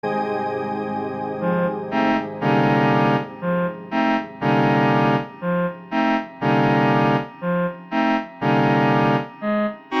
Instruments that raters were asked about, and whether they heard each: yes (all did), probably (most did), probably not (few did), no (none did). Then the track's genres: trombone: no
clarinet: no
trumpet: no
Soundtrack; Ambient; Instrumental